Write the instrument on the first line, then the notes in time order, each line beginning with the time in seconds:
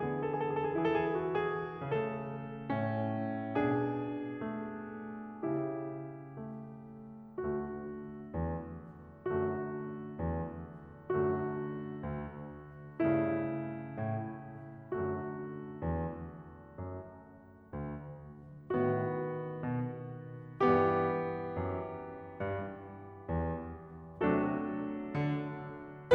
piano
0.00 D3 B3 G#4
0.10 A4
0.28 G#4
0.38 A4
0.51 G#4
0.59 A4
0.67 G#4
0.80 A4
0.92 E3 E4 G#4
1.00 A4
1.13 G#4
1.23 A4
1.31 G#4
1.37 A4
1.45 F#4
1.57 G#4
1.71 C#3 A3 A4
2.61 A2 C#4
3.60 B2 D4 G#4
4.40 A3
5.45 C#3 E4 G4
6.40 A3
7.50 D2 D3 A3 F#4
8.34 E2
9.35 F#2 D3 A3 F#4
10.23 E2
11.13 F#2 D3 A3 F#4
12.05 D2
13.21 G2 C#3 A3 E4
14.00 A2
14.93 F#2 D3 A3 F#4
15.82 E2
16.81 F#2
17.76 D2
18.74 A2 D#3 B3 F#4
19.64 B2
20.69 G2 E3 B3 G4
21.63 F#2
22.44 G2
23.30 E2
24.22 C3 F#3 A3 D4 F#4 A4
25.27 D3